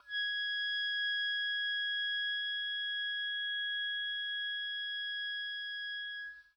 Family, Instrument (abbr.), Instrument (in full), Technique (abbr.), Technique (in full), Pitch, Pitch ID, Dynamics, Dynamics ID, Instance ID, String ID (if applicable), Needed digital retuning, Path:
Winds, Ob, Oboe, ord, ordinario, G#6, 92, pp, 0, 0, , TRUE, Winds/Oboe/ordinario/Ob-ord-G#6-pp-N-T12d.wav